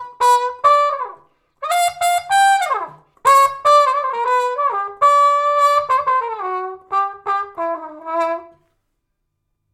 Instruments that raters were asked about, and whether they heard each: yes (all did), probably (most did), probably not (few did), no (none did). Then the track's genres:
clarinet: no
saxophone: yes
trombone: probably not
trumpet: yes
Old-Time / Historic; Bluegrass; Americana